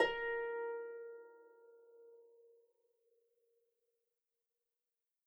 <region> pitch_keycenter=70 lokey=70 hikey=71 tune=-4 volume=3.850601 xfin_lovel=70 xfin_hivel=100 ampeg_attack=0.004000 ampeg_release=30.000000 sample=Chordophones/Composite Chordophones/Folk Harp/Harp_Normal_A#3_v3_RR1.wav